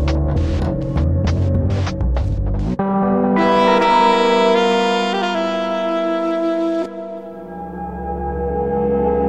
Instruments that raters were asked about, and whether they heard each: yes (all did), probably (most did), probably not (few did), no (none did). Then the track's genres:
clarinet: no
saxophone: yes
Electronic; Experimental Pop